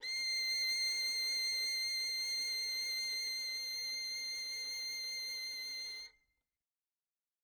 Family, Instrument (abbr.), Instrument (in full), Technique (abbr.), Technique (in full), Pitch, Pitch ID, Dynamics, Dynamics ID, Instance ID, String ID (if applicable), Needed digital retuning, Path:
Strings, Vn, Violin, ord, ordinario, C7, 96, mf, 2, 0, 1, TRUE, Strings/Violin/ordinario/Vn-ord-C7-mf-1c-T27d.wav